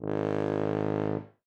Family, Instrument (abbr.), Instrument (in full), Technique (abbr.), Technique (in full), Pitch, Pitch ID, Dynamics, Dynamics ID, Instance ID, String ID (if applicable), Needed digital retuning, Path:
Brass, BTb, Bass Tuba, ord, ordinario, G#1, 32, ff, 4, 0, , TRUE, Brass/Bass_Tuba/ordinario/BTb-ord-G#1-ff-N-T12u.wav